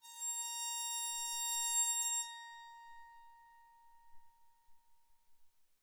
<region> pitch_keycenter=82 lokey=82 hikey=83 volume=18.475470 offset=1158 ampeg_attack=0.004000 ampeg_release=2.000000 sample=Chordophones/Zithers/Psaltery, Bowed and Plucked/LongBow/BowedPsaltery_A#4_Main_LongBow_rr2.wav